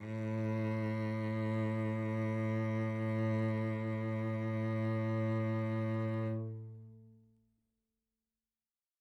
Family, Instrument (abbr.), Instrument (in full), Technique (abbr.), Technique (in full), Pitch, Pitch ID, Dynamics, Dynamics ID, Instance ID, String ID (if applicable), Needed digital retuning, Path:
Strings, Vc, Cello, ord, ordinario, A2, 45, mf, 2, 2, 3, FALSE, Strings/Violoncello/ordinario/Vc-ord-A2-mf-3c-N.wav